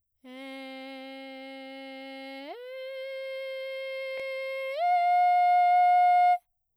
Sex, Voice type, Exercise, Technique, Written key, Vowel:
female, soprano, long tones, straight tone, , e